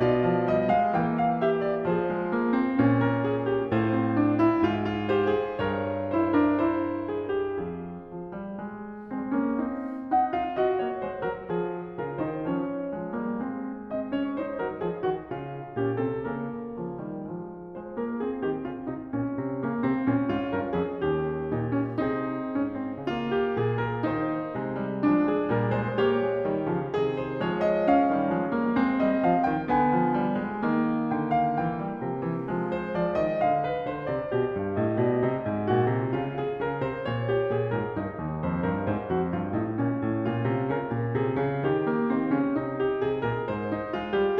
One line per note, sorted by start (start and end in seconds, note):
0.00 0.94 B2
0.00 0.94 F4
0.00 0.48 D5
0.24 0.48 F3
0.48 0.70 G3
0.48 0.70 D#5
0.70 0.95 G#3
0.70 0.94 F5
0.94 1.96 E3
0.94 1.97 A#3
0.94 1.23 G5
1.23 1.46 F5
1.46 1.96 G4
1.46 1.63 E5
1.63 1.96 D5
1.96 2.79 F3
1.96 2.79 G#4
1.96 2.79 C5
2.17 2.37 G#3
2.37 2.55 A#3
2.55 2.80 C4
2.79 3.74 A#2
2.79 3.75 C#4
3.01 3.74 A#4
3.19 3.44 G#4
3.44 3.74 G4
3.74 4.66 A2
3.74 4.66 F4
3.74 4.66 C5
3.91 4.11 C4
4.11 4.44 D4
4.44 4.66 E4
4.66 5.62 G#2
4.66 6.07 F4
4.85 5.07 F4
5.07 5.28 G4
5.07 5.62 C5
5.28 5.62 G#4
5.62 5.68 G#2
5.62 7.07 A#4
5.62 6.07 C#5
5.68 5.83 G2
5.83 5.89 G#2
5.89 7.69 G2
6.07 6.34 E4
6.07 6.30 C5
6.30 6.58 D4
6.30 6.57 A#4
6.57 7.73 E4
6.57 8.58 C5
7.07 7.29 G#4
7.29 7.69 G4
7.69 8.10 F2
7.69 8.58 G#4
7.73 8.59 F4
8.10 8.39 F3
8.39 8.58 G3
8.58 9.11 G#3
9.11 9.31 G#3
9.11 9.35 C4
9.31 9.60 A#3
9.31 9.62 C#4
9.60 10.79 C4
9.60 10.08 D#4
10.07 10.38 D#4
10.07 10.38 F#5
10.38 10.59 F4
10.38 10.59 F5
10.59 12.00 F#4
10.59 10.79 D#5
10.79 11.05 A#3
10.79 11.05 C#5
11.05 11.27 G#3
11.05 11.27 C5
11.27 11.48 F#3
11.27 11.48 A#4
11.48 11.99 F3
11.48 11.99 G#4
11.99 12.18 C#3
11.99 12.21 F4
11.99 12.18 A#4
12.18 12.48 D#3
12.18 12.49 D#4
12.18 12.48 C5
12.48 12.97 F3
12.48 12.99 C#4
12.48 12.97 C#5
12.97 13.21 F3
12.97 13.24 G#3
13.21 13.42 G3
13.21 13.49 A#3
13.42 14.58 G#3
13.49 13.93 C4
13.91 14.11 C4
13.91 14.09 D#5
14.09 14.41 C#4
14.09 14.40 C#5
14.40 15.75 D#4
14.40 14.58 C5
14.58 14.81 F#3
14.58 14.81 A#4
14.81 15.06 F3
14.81 15.06 G#4
15.06 15.31 D#3
15.06 15.31 F#4
15.31 15.75 C#3
15.31 15.75 F4
15.75 16.01 A#2
15.75 16.01 C#4
15.75 16.01 G4
16.01 16.22 C3
16.01 16.22 C4
16.01 16.22 A4
16.22 16.70 C#3
16.22 16.79 A#3
16.22 16.79 A#4
16.79 17.00 C#3
16.79 17.00 F3
17.00 17.30 D#3
17.00 17.30 G3
17.30 18.40 F3
17.30 17.84 G#3
17.84 18.01 G#3
17.84 17.97 C5
17.97 18.20 A#3
17.97 18.18 A#4
18.18 19.64 C4
18.18 18.39 G#4
18.39 18.68 D#3
18.39 18.67 G4
18.67 18.87 C#3
18.67 18.84 F4
18.84 19.12 C3
18.84 19.11 D#4
19.11 19.41 A#2
19.11 20.29 C#4
19.41 19.64 C3
19.64 19.81 C#3
19.64 19.81 A#3
19.81 20.02 C3
19.81 20.02 C4
20.02 20.33 A#2
20.02 21.51 C#4
20.29 20.54 G#2
20.29 20.51 F4
20.51 20.72 G2
20.51 20.71 A#4
20.71 20.94 F2
20.71 20.93 G#4
20.93 21.51 D#2
20.93 22.04 G4
21.51 22.04 A#2
21.51 21.72 D#4
21.72 22.04 C#4
22.04 22.52 C3
22.04 22.52 C4
22.04 23.01 D#4
22.04 23.36 G#4
22.52 23.02 G#2
22.52 22.73 C#4
22.73 23.02 C4
23.01 23.63 C#3
23.01 24.59 A#3
23.01 24.04 F4
23.36 23.61 G4
23.61 24.06 A#2
23.61 23.85 G#4
23.85 24.04 A#4
24.04 24.59 D#3
24.04 25.08 D#4
24.04 25.08 C5
24.59 25.09 C3
24.59 24.86 G#3
24.86 25.09 G3
25.08 25.48 F3
25.08 25.48 G#3
25.08 25.97 D4
25.31 25.47 G#4
25.47 26.47 A#2
25.47 25.69 G3
25.47 25.68 A#4
25.68 25.98 G#3
25.68 25.97 C5
25.97 26.28 A#3
25.97 26.97 G4
25.97 26.97 C#5
26.28 26.47 G#3
26.47 26.70 D#3
26.47 26.70 G3
26.70 26.97 C#3
26.70 26.97 F3
26.97 27.48 C3
26.97 27.48 D#3
26.97 27.96 G#4
27.21 27.48 C5
27.48 28.12 F3
27.48 28.12 G#3
27.48 27.70 C#5
27.70 27.96 D#5
27.96 28.72 C#4
27.96 28.72 F5
28.12 28.32 D#3
28.12 28.32 G3
28.32 28.54 F3
28.32 28.54 G#3
28.54 28.75 G3
28.54 28.75 A#3
28.72 28.99 G#3
28.72 29.71 C4
28.72 29.72 C4
28.98 29.21 G3
28.98 29.20 D#5
29.20 29.45 F3
29.20 29.44 F5
29.44 29.72 D#3
29.44 29.71 G5
29.71 30.66 D3
29.71 30.65 B3
29.71 31.13 G#5
29.99 30.17 F3
30.17 30.39 G3
30.39 30.66 G#3
30.65 31.60 D#3
30.65 32.50 A#3
31.13 31.60 D3
31.13 31.37 G5
31.37 31.59 F5
31.59 31.96 E3
31.59 32.69 G5
31.76 31.96 G3
31.96 32.50 C3
31.96 32.14 F3
32.14 32.50 E3
32.50 33.46 F3
32.50 33.46 G#3
32.69 32.91 C5
32.91 33.25 F3
32.91 33.25 D5
33.25 33.46 D#3
33.25 33.46 D#5
33.46 33.97 D3
33.46 34.85 F5
33.65 33.96 B4
33.96 34.13 D3
33.96 34.12 C5
34.12 34.31 C3
34.12 34.30 D5
34.30 34.57 B2
34.30 35.70 G4
34.57 34.86 G2
34.85 35.05 A2
34.85 35.04 D#5
35.04 35.25 B2
35.04 35.24 D5
35.24 35.46 C3
35.24 36.40 D#5
35.46 35.71 G#2
35.70 35.96 A#2
35.70 36.18 F#4
35.96 36.21 C3
36.18 36.66 C#3
36.18 37.31 F4
36.40 36.65 G#4
36.65 36.86 C#3
36.65 36.85 A#4
36.85 37.07 C3
36.85 37.06 C5
37.06 37.51 A#2
37.06 38.38 C#5
37.31 37.51 G4
37.51 37.74 A#2
37.51 37.74 G#4
37.74 37.96 G#2
37.74 37.96 A#4
37.96 38.17 G2
37.96 39.10 D#4
38.17 38.38 D#2
38.38 38.72 F2
38.38 38.72 C5
38.72 38.91 G2
38.72 38.91 A#4
38.91 39.11 G#2
38.91 40.25 C5
39.10 39.32 F2
39.10 39.31 F#4
39.31 39.62 G2
39.31 39.61 F4
39.61 39.83 A2
39.61 39.82 D#4
39.82 39.98 A#2
39.82 41.94 C#4
39.98 40.26 A2
40.25 40.45 A#2
40.25 40.63 F4
40.45 40.65 C3
40.63 40.82 C#3
40.63 41.13 A#4
40.82 41.16 A#2
41.13 41.38 C3
41.13 41.61 G#4
41.38 41.64 C#3
41.61 42.13 D#3
41.61 42.75 G4
41.94 42.12 A#3
42.12 42.30 D#3
42.12 42.28 C4
42.28 42.59 C#3
42.28 42.57 C#4
42.57 42.96 C3
42.57 43.69 D#4
42.78 42.96 G4
42.96 43.21 C3
42.96 43.21 G#4
43.21 43.49 A#2
43.21 43.49 A#4
43.49 43.97 G#2
43.49 44.40 C5
43.78 43.97 D#4
43.97 44.18 G#3
43.97 44.18 F4
44.18 44.40 G3
44.18 44.40 G4